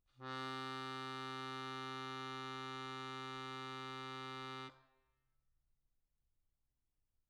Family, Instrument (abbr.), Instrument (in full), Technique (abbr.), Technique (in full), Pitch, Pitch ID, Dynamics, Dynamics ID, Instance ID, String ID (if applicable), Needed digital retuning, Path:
Keyboards, Acc, Accordion, ord, ordinario, C3, 48, mf, 2, 2, , FALSE, Keyboards/Accordion/ordinario/Acc-ord-C3-mf-alt2-N.wav